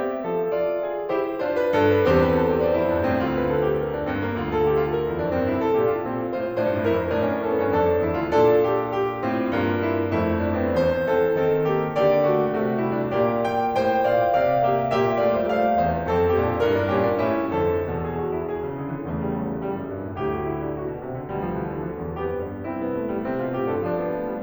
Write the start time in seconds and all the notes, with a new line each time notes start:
0.00 C4 G4 E5
0.24 F3 A4
0.51 F4 D5
0.84 G#4
1.09 E4 G4 C5
1.46 D4 F4 C5
1.61 B4
1.74 G2 A4
1.94 B4
2.09 E2 C4 C5
2.30 B4
2.45 A4
2.58 G4
2.69 C5
2.83 F2 E4
3.00 G2 D4
3.11 A2 C4
3.25 D2 F4
3.38 B4
3.53 A4
3.65 G4
3.84 A#4
3.97 D4
4.09 G2 C4
4.25 A#3
4.38 D2
4.52 A4
4.66 G4
4.76 F4
4.90 A#4
5.11 E2 E4
5.22 F2 D4
5.38 G2 C4
5.53 C2 E4
5.65 A4
5.76 A#2 D4 G4
5.93 F4
6.06 B2 C4 E4
6.30 A2 F4 C5
6.58 G2 D4 C5
6.63 A2
6.69 G2
6.78 A2
6.84 G2 E4 A#4
6.93 A2
7.04 F2
7.09 G2
7.16 A2 C#4 A#4
7.22 D4
7.27 C#4
7.36 D4
7.44 C#4 A4
7.52 D4
7.62 G2 B3
7.69 C#4
7.74 F2 D4 A4
8.14 E2 E4
8.27 D2 F4
8.39 A#2 D4
8.66 G4
9.00 G4
9.24 A2 C4 F4
9.59 G2 A#3 F4
9.85 E4
10.12 F2 A3 E4
10.41 D4
10.55 C4
10.75 E2 C5
11.11 E3 C4 A4
11.37 D#3 C4 A4
11.62 A#3 G4
11.95 D3 A#3 G4 D5
12.28 A3 F#4
12.52 C3 A3 F#4
12.83 G3 E4
12.97 F#3 D4
13.10 A#2 A#3 G4 D5
13.39 G5
13.76 A2 C5 G5
14.09 A#2 D5 F5
14.36 C3 A4 F5
14.68 A#3 G4 E5
14.93 A#2 A#3 G4 E5
15.23 A3 F4 D5
15.37 G3 E4 C5
15.51 A2 A3 C5 F5
15.89 E2 C4 G4 C5
16.03 A#4
16.15 F2 C4 F4 A4
16.45 A#2 A#3 D4 G4
16.58 F4
16.70 G2 E4 A#4
16.88 D4
17.00 A#2 C#4 A#4
17.11 D4
17.23 A2 C#4 E4
17.52 F2 D3 A4
17.89 E2 B2
18.00 G#4
18.18 F#4
18.34 E4
18.45 G#4
18.61 C3
18.80 D3
18.94 E3
19.09 E2 C#3 A3
19.23 G3
19.39 F#3
19.50 E3
19.62 G3
19.76 F#2
19.98 G2
20.10 A2
20.22 D2 B2 G4
20.39 F#4
20.55 E4
20.69 D4
20.79 F#4
20.93 B2
21.06 C3
21.20 D3
21.32 D2 B2 G3
21.46 F3
21.79 E3
21.90 D3
22.00 F3
22.12 E2
22.22 F2 B3 G4
22.43 G2
22.66 C2 C4 E4
22.88 B3
22.99 A3
23.13 G3
23.25 C3 C4
23.38 B2 F4
23.52 A2 G4
23.71 G2 A4
23.88 F3 D4
24.02 B3
24.18 A3
24.32 G3